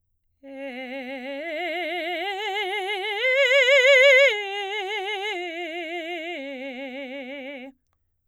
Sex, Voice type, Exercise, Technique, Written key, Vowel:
female, soprano, arpeggios, vibrato, , e